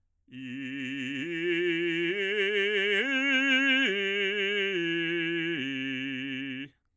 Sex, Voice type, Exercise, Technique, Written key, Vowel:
male, bass, arpeggios, vibrato, , i